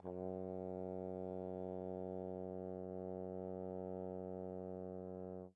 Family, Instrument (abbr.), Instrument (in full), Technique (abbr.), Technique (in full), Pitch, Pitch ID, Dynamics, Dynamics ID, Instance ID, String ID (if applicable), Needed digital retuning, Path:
Brass, Tbn, Trombone, ord, ordinario, F#2, 42, pp, 0, 0, , TRUE, Brass/Trombone/ordinario/Tbn-ord-F#2-pp-N-T20d.wav